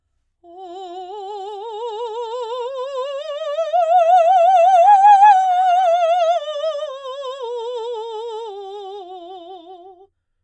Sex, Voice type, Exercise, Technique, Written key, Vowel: female, soprano, scales, slow/legato forte, F major, o